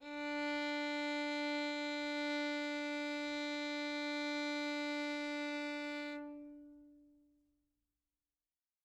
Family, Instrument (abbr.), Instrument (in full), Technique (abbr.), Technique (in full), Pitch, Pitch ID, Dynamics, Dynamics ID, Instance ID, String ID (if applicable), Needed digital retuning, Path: Strings, Vn, Violin, ord, ordinario, D4, 62, mf, 2, 2, 3, FALSE, Strings/Violin/ordinario/Vn-ord-D4-mf-3c-N.wav